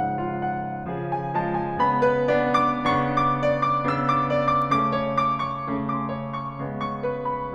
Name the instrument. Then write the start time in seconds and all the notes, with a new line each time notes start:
piano
0.00 G#2 C#3 F3 F#5
0.16 F4
0.37 F#5
0.57 F5
0.91 C#3 F3 G#4
1.13 G#5
1.36 F3 G#3 A5
1.61 G#5
1.81 C#3 G#3 B3 B5
2.03 B4
2.31 B3 D4 D5
2.65 D6
2.86 C#3 B3 D4 C#6
3.13 D6
3.45 D5
3.66 D6
3.89 C#3 B3 D4 E6
4.11 D6
4.31 D5
4.48 D6
4.71 C#3 A3 C#4 D6
4.93 C#5
5.14 D6
5.40 C#6
5.72 C#3 A3 C#4
5.92 D6
6.08 C#5
6.29 C#6
6.51 C#3 G#3 B3
6.73 C#6
7.09 B4
7.30 B5